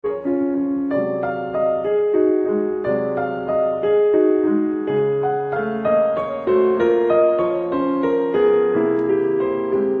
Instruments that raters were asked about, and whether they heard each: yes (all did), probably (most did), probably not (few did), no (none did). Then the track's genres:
accordion: no
banjo: no
cymbals: no
piano: yes
Classical